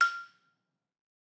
<region> pitch_keycenter=89 lokey=87 hikey=91 volume=4.488096 offset=168 lovel=100 hivel=127 ampeg_attack=0.004000 ampeg_release=30.000000 sample=Idiophones/Struck Idiophones/Balafon/Traditional Mallet/EthnicXylo_tradM_F5_vl3_rr1_Mid.wav